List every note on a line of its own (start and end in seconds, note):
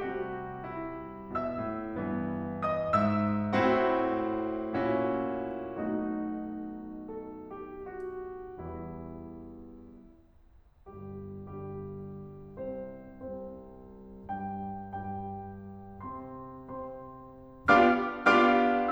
0.00 1.42 C3
0.00 1.42 G3
0.00 0.52 F#4
0.53 1.42 E4
1.42 1.60 B2
1.42 2.69 E5
1.42 2.69 E6
1.60 1.95 A2
1.95 3.02 G2
1.95 3.58 E3
1.95 3.58 B3
2.69 3.02 D#5
2.69 3.02 D#6
3.02 3.58 G#2
3.02 3.58 E5
3.02 3.58 E6
3.59 4.79 A2
3.59 4.79 C4
3.59 4.79 E4
3.59 4.79 F#4
4.81 5.80 A#2
4.81 5.80 C#4
4.81 5.80 E4
4.81 5.80 F#4
5.83 8.60 B1
5.83 8.60 B2
5.83 8.60 A3
5.83 8.60 D#4
5.83 7.05 F#4
7.05 7.52 A4
7.52 7.86 G4
7.87 8.60 F#4
8.61 9.60 E2
8.61 9.60 E3
8.61 9.60 G3
8.61 9.60 E4
10.90 11.48 G1
10.90 11.48 G2
10.90 11.48 G3
10.90 11.48 G4
11.49 12.60 G1
11.49 12.60 G2
11.49 12.60 G3
11.49 12.60 G4
12.61 13.20 C2
12.61 13.20 C3
12.61 13.20 C4
12.61 13.20 C5
13.21 14.23 C2
13.21 14.23 C3
13.21 14.23 C4
13.21 14.23 C5
14.23 14.79 G2
14.23 14.79 G3
14.23 14.79 G4
14.23 14.79 G5
14.80 16.07 G2
14.80 16.07 G3
14.80 16.07 G4
14.80 16.07 G5
16.07 16.67 C3
16.07 16.67 C4
16.07 16.67 C5
16.07 16.67 C6
16.72 17.71 C3
16.72 17.71 C4
16.72 17.71 C5
16.72 17.71 C6
17.71 18.03 B3
17.71 18.03 D4
17.71 18.03 F4
17.71 18.03 G4
17.71 18.03 F5
17.71 18.03 D6
17.71 18.03 F6
18.24 18.92 B3
18.24 18.92 D4
18.24 18.92 F4
18.24 18.92 G4
18.24 18.92 F5
18.24 18.92 D6
18.24 18.92 F6